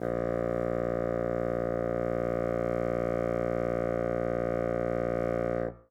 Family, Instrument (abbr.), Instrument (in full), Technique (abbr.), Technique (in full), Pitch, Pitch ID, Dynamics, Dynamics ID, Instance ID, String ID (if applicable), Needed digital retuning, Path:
Winds, Bn, Bassoon, ord, ordinario, A#1, 34, ff, 4, 0, , FALSE, Winds/Bassoon/ordinario/Bn-ord-A#1-ff-N-N.wav